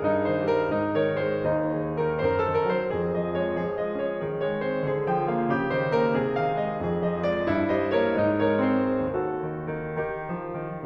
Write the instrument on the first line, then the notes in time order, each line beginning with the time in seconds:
piano
0.01 G2 D#4
0.22 D#3 C5
0.48 G3 A#4
0.72 G#2 D#4
0.95 D#3 A#4 C#5
1.18 G#3 G#4 C5
1.51 D#2 D#4
1.81 D#3 G#4 C5
1.97 D#3 G4 A#4
2.17 F#2 C5
2.25 A#4
2.36 A4
2.41 D#3
2.58 A#4
2.68 F#3 C5
3.00 F2 G#4
3.18 F3 D#5
3.37 G#3 C#5
3.62 F3 G#4
3.78 G#3 D#5
3.99 C#5
4.27 D#3 C#4 G#4
4.52 G#3 C#5
4.70 C4 C5
4.92 D3 G#4
5.10 F3 G5
5.27 A#3 F5
5.45 C#3 G4
5.70 D#3 C5
5.92 A#3 A#4
6.13 C3 G#4
6.32 D#3 F5
6.54 G#3 D#5
6.79 F2 G#4
7.17 F3 D#5
7.35 G#3 C#5
7.52 G2 F4
7.69 G3 C5 D#5
7.89 A#3 A#4 C#5
8.15 G#2 D#4
8.32 G#3 A#4 C#5
8.54 C4 G#4 C5
8.88 D#2 F#4 A4
9.17 D#3
9.44 D#3
9.94 D#3 G4 A#4
10.32 F3
10.61 D#3